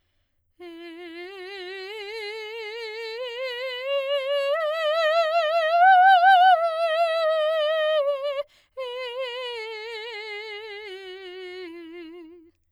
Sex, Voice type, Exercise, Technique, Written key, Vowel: female, soprano, scales, slow/legato forte, F major, e